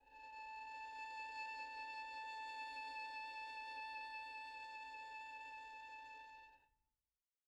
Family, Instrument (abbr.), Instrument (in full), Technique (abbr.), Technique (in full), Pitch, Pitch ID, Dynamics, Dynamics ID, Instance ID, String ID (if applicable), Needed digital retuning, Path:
Strings, Vn, Violin, ord, ordinario, A5, 81, pp, 0, 2, 3, FALSE, Strings/Violin/ordinario/Vn-ord-A5-pp-3c-N.wav